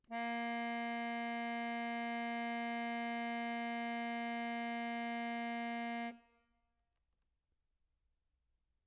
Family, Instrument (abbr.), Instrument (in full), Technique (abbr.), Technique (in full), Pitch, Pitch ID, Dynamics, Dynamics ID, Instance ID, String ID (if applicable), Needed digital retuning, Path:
Keyboards, Acc, Accordion, ord, ordinario, A#3, 58, mf, 2, 4, , FALSE, Keyboards/Accordion/ordinario/Acc-ord-A#3-mf-alt4-N.wav